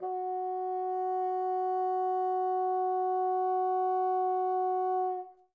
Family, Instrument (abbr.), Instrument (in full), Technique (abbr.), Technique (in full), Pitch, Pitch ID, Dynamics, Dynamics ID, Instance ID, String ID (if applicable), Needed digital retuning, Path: Winds, Bn, Bassoon, ord, ordinario, F#4, 66, mf, 2, 0, , FALSE, Winds/Bassoon/ordinario/Bn-ord-F#4-mf-N-N.wav